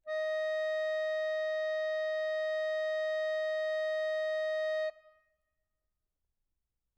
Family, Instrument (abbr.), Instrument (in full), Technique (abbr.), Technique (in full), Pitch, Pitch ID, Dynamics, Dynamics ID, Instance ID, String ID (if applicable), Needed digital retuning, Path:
Keyboards, Acc, Accordion, ord, ordinario, D#5, 75, mf, 2, 0, , FALSE, Keyboards/Accordion/ordinario/Acc-ord-D#5-mf-N-N.wav